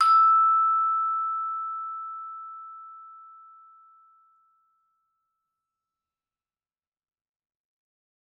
<region> pitch_keycenter=88 lokey=87 hikey=89 volume=5.005945 offset=82 lovel=84 hivel=127 ampeg_attack=0.004000 ampeg_release=15.000000 sample=Idiophones/Struck Idiophones/Vibraphone/Hard Mallets/Vibes_hard_E5_v3_rr1_Main.wav